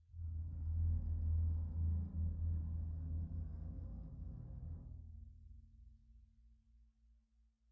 <region> pitch_keycenter=69 lokey=69 hikey=69 volume=30.000000 offset=19 ampeg_attack=0.004000 ampeg_release=2.000000 sample=Membranophones/Struck Membranophones/Bass Drum 2/bassdrum_rub2.wav